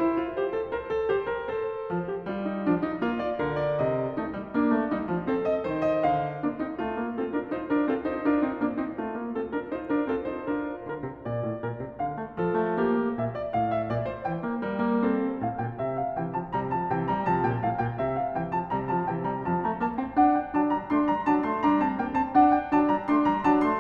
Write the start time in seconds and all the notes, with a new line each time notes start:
0.00 E4 C5
0.17 F4
0.34 G4 C5
0.51 A4
0.67 A#4 C5
0.91 A4
1.09 G4 C5
1.28 A#4
1.52 A4 C5
1.94 F3
2.14 G4
2.35 G3 F4
2.52 D#4
2.68 F3 D4
2.86 D#4
3.02 A#3 F4
3.23 D5
3.40 D3 A#4
3.60 D5
3.80 C3 D#5
4.18 A3 D#4
4.35 G3
4.54 A#3 D4
4.76 A3
4.93 G3 D#4
5.14 F3
5.33 C4 A4
5.48 D#5
5.64 D#3 C5
5.83 D#5
6.04 D3 F5
6.44 A#3 D4
6.59 C4 D#4
6.80 A3 F4
6.99 A#3
7.17 C4 F4 A4
7.34 D4 A#4
7.50 D#4 F4 C5
7.67 D4 A#4
7.87 C4 F4 A4
8.05 D#4 C5
8.22 D4 F4 A#4
8.43 C4 D#4
8.60 A#3 D4
8.77 C4 D#4
8.97 A3 F4
9.20 A#3
9.37 C4 F4 A4
9.51 D4 A#4
9.71 D#4 F4 C5
9.86 D4 A#4
10.08 C4 F4 A4
10.24 D#4 C5
10.40 D4 F4 A#4
10.86 D3 A#4
11.08 C3
11.27 A#2 D5
11.41 A2
11.59 A#2 A#4
11.81 C3
12.00 D3 F5
12.20 A3
12.36 F3 A4
12.55 A3
12.75 A#3 G4
13.15 A#2 E5
13.34 D5
13.54 A2 F5
13.76 E5
13.92 A#2 D5
14.07 C5
14.25 E3 G5
14.44 A#3
14.63 G3 A#4
14.83 A#3
15.02 C4 A4
15.41 A2 F5
15.58 A#2 G5
15.77 C3 E5
15.96 F5
16.18 C3 E3 G5
16.35 F3 A5
16.52 C3 G3 A#5
16.71 F3 A5
16.90 C3 E3 G5
17.07 G3 A#5
17.28 C3 F3 A5
17.46 A#2 G5
17.61 A2 F5
17.80 A#2 G5
18.01 C3 E5
18.18 F5
18.36 C3 E3 G5
18.54 F3 A5
18.72 C3 G3 A#5
18.89 F3 A5
19.06 C3 E3 G5
19.24 G3 A#5
19.42 F2 F3 A5
19.60 A3 A#5
19.80 A#3 A5
19.98 C4 G5
20.19 D4 F#5
20.32 G5
20.53 F#3 D4 A5
20.75 G3 A#5
20.92 A3 D4 C6
21.07 G3 A#5
21.26 F#3 D4 A5
21.41 A3 C6
21.61 G3 D4 A#5
21.83 C4 A5
22.00 A#3 G5
22.16 C4 A5
22.36 D4 F#5
22.50 G5
22.71 F#3 D4 A5
22.88 G3 A#5
23.09 A3 D4 C6
23.24 G3 A#5
23.44 F#3 D4 A5
23.64 A3 C6